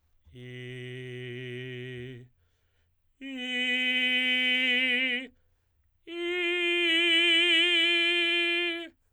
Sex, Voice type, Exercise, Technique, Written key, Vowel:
male, tenor, long tones, straight tone, , i